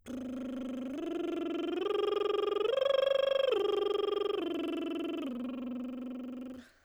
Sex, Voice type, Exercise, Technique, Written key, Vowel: female, soprano, arpeggios, lip trill, , u